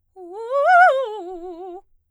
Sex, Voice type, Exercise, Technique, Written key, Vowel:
female, soprano, arpeggios, fast/articulated piano, F major, u